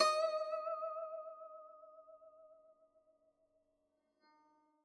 <region> pitch_keycenter=75 lokey=75 hikey=76 volume=11.445219 lovel=0 hivel=83 ampeg_attack=0.004000 ampeg_release=0.300000 sample=Chordophones/Zithers/Dan Tranh/Vibrato/D#4_vib_mf_1.wav